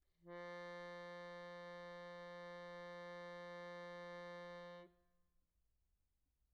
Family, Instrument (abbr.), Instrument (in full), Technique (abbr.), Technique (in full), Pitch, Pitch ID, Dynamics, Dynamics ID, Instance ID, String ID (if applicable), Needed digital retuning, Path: Keyboards, Acc, Accordion, ord, ordinario, F3, 53, pp, 0, 1, , FALSE, Keyboards/Accordion/ordinario/Acc-ord-F3-pp-alt1-N.wav